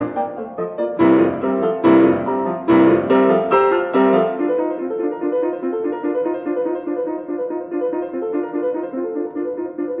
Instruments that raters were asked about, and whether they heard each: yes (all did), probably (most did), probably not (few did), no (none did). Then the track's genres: piano: yes
Classical